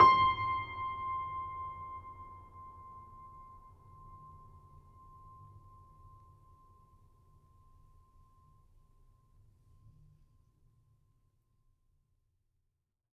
<region> pitch_keycenter=84 lokey=84 hikey=85 volume=2.516734 lovel=0 hivel=65 locc64=65 hicc64=127 ampeg_attack=0.004000 ampeg_release=0.400000 sample=Chordophones/Zithers/Grand Piano, Steinway B/Sus/Piano_Sus_Close_C6_vl2_rr1.wav